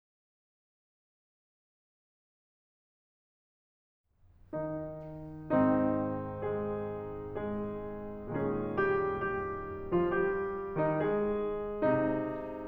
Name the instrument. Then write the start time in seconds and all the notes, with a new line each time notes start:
piano
4.54 D#3 D#4
5.63 G#2 D#3 C4 D#4
6.40 G#3 G#4
7.43 G#3 G#4
8.32 A#2 G#3 C#4 G#4
8.92 G3 G4
9.29 G3 G4
9.97 F3 F4
10.15 G3 G4
10.84 D#3 D#4
11.04 G#3 G#4
11.84 C3 D#4